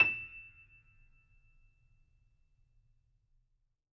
<region> pitch_keycenter=100 lokey=100 hikey=101 volume=-2.338480 lovel=66 hivel=99 locc64=0 hicc64=64 ampeg_attack=0.004000 ampeg_release=10.000000 sample=Chordophones/Zithers/Grand Piano, Steinway B/NoSus/Piano_NoSus_Close_E7_vl3_rr1.wav